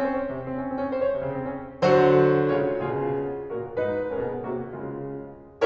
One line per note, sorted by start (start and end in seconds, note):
0.00 0.14 C#4
0.14 0.23 C5
0.24 0.33 C#5
0.34 0.39 C3
0.41 0.44 C#3
0.45 0.55 C4
0.56 0.67 C#4
0.67 0.77 C4
0.78 0.92 C#4
0.92 1.01 C5
1.07 1.18 C#5
1.18 1.36 C3
1.37 1.47 C#3
1.49 1.70 C4
1.70 1.82 C#4
1.82 2.50 D3
1.82 2.50 F#3
1.82 2.50 F#4
1.82 2.50 C5
2.52 2.79 C#3
2.52 2.79 G#3
2.52 2.79 F4
2.52 2.79 C#5
2.79 3.20 B2
2.79 3.20 C#3
2.79 3.20 F4
2.79 3.20 G#4
3.53 3.75 A#2
3.53 3.75 C#3
3.53 3.75 F#4
3.53 3.75 A#4
3.75 4.05 G#2
3.75 4.05 D#4
3.75 4.05 B4
4.05 4.16 A#2
4.05 4.16 C#4
4.05 4.16 A#4
4.17 4.45 B2
4.17 4.45 B3
4.17 4.45 G#4
4.45 4.75 C3
4.45 4.75 A#3
4.45 4.75 F#4
4.76 5.25 C#3
4.76 5.25 G#3
4.76 5.25 F4